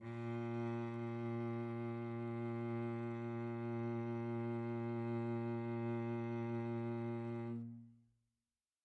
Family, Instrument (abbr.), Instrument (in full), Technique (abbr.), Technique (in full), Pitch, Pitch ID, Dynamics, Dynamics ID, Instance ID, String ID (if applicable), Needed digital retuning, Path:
Strings, Vc, Cello, ord, ordinario, A#2, 46, pp, 0, 3, 4, FALSE, Strings/Violoncello/ordinario/Vc-ord-A#2-pp-4c-N.wav